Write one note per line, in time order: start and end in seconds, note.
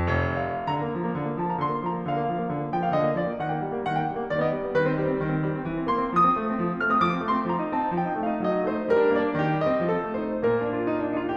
0.00 0.45 F1
0.63 0.73 F5
0.73 0.84 D3
0.73 1.36 A#5
0.84 0.94 A#3
0.94 1.03 F3
1.04 1.13 A#3
1.14 1.24 D3
1.24 1.36 A#3
1.36 1.46 F3
1.36 1.46 A5
1.47 1.57 A#3
1.47 1.57 A#5
1.58 1.67 D3
1.58 1.75 C6
1.67 1.75 A#3
1.75 1.87 F3
1.75 1.97 A#5
1.87 1.97 A#3
2.03 2.14 D3
2.03 2.75 F5
2.14 2.24 A#3
2.24 2.39 F3
2.39 2.51 A#3
2.52 2.61 D3
2.62 2.75 A#3
2.75 2.86 F3
2.75 2.86 G5
2.86 2.93 A#3
2.86 2.93 F5
2.93 3.04 D3
2.93 3.19 D#5
3.05 3.19 A#3
3.19 3.30 F3
3.19 3.41 D5
3.30 3.41 A#3
3.41 3.53 D#3
3.41 3.53 F#5
3.54 3.63 A#3
3.54 3.63 G5
3.65 3.74 G3
3.74 3.84 A#3
3.84 3.96 D#3
3.84 3.96 F#5
3.97 4.05 A#3
3.97 4.05 G5
4.06 4.19 G3
4.19 4.31 A#3
4.31 4.40 D#3
4.31 4.40 D5
4.40 4.55 B3
4.40 4.55 D#5
4.56 4.68 G3
4.68 4.78 B3
4.78 4.95 D#3
4.78 4.95 B4
4.95 5.03 C4
4.95 5.03 C5
5.04 5.17 G3
5.18 5.26 C4
5.26 5.36 D#3
5.36 5.47 C4
5.48 5.57 G3
5.58 5.68 C4
5.68 5.80 E3
5.80 5.90 C4
5.90 6.03 A#3
5.90 6.14 C6
6.04 6.14 C4
6.14 6.25 D3
6.14 6.82 D#6
6.25 6.35 C4
6.35 6.44 A3
6.46 6.57 C4
6.58 6.70 D3
6.70 6.82 C4
6.82 6.92 A3
6.82 6.92 F6
6.92 7.02 C4
6.92 7.02 D#6
7.05 7.15 D3
7.05 7.28 D6
7.15 7.28 C4
7.28 7.38 A3
7.28 7.48 C6
7.38 7.48 C4
7.49 7.60 F3
7.49 7.74 A#5
7.62 7.74 D#4
7.74 7.89 C4
7.74 8.01 A5
7.89 8.01 D#4
8.02 8.10 F3
8.02 8.22 G5
8.12 8.22 D#4
8.22 8.32 A3
8.22 8.44 F5
8.32 8.44 D#4
8.44 8.57 F#3
8.44 8.66 D#5
8.58 8.66 D#4
8.66 8.77 A3
8.66 8.88 C5
8.77 8.88 D#4
8.88 8.99 G3
8.88 9.13 A#4
9.00 9.13 D4
9.14 9.33 A#3
9.14 9.42 D5
9.33 9.42 D4
9.42 9.52 D#3
9.42 9.65 G4
9.53 9.65 C4
9.66 9.76 G3
9.66 9.87 D#5
9.76 9.87 C4
9.87 9.98 F3
9.87 10.10 A4
9.98 10.10 C4
10.11 10.25 A3
10.11 10.41 C5
10.25 10.41 D#4
10.41 11.03 A#2
10.41 11.03 A#3
10.41 10.58 A#4
10.58 10.72 D4
10.73 10.90 F4
10.91 11.03 D#4
11.03 11.15 D4
11.16 11.22 D#4
11.26 11.35 F4